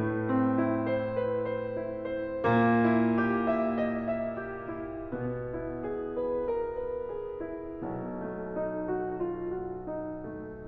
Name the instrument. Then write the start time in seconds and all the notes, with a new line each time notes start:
piano
0.00 A2 A3
0.34 C4
0.66 E4
0.88 C5
1.21 B4
1.45 C5
1.76 E4
2.03 C5
2.39 A#2 A#3
2.75 E4
3.22 G4
3.54 E5
3.80 D#5
4.02 E5
4.42 G4
4.74 E4
5.13 B2 B3
5.51 E4
5.89 G#4
6.19 B4
6.50 A#4
6.80 B4
7.08 G#4
7.44 E4
7.81 B1 B2
8.21 A3
8.54 D#4
8.80 F#4
9.03 F4
9.36 F#4
9.88 D#4
10.24 A3